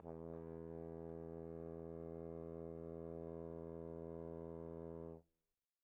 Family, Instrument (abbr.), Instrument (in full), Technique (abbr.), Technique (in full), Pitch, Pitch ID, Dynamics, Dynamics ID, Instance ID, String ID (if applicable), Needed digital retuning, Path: Brass, Tbn, Trombone, ord, ordinario, E2, 40, pp, 0, 0, , TRUE, Brass/Trombone/ordinario/Tbn-ord-E2-pp-N-T21u.wav